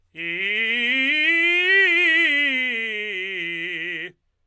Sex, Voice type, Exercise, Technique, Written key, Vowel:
male, tenor, scales, fast/articulated forte, F major, i